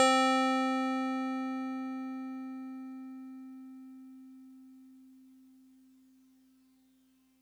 <region> pitch_keycenter=72 lokey=71 hikey=74 volume=9.797519 lovel=100 hivel=127 ampeg_attack=0.004000 ampeg_release=0.100000 sample=Electrophones/TX81Z/FM Piano/FMPiano_C4_vl3.wav